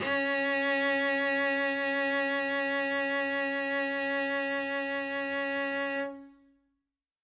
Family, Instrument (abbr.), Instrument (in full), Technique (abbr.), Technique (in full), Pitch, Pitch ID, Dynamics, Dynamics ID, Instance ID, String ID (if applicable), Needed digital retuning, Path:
Strings, Vc, Cello, ord, ordinario, C#4, 61, ff, 4, 0, 1, FALSE, Strings/Violoncello/ordinario/Vc-ord-C#4-ff-1c-N.wav